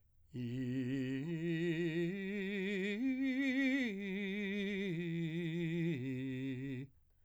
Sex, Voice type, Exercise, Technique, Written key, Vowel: male, , arpeggios, slow/legato piano, C major, i